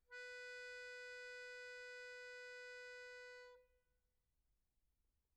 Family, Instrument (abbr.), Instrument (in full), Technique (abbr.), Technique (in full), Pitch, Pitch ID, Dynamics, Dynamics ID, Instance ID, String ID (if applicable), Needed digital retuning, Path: Keyboards, Acc, Accordion, ord, ordinario, B4, 71, pp, 0, 1, , FALSE, Keyboards/Accordion/ordinario/Acc-ord-B4-pp-alt1-N.wav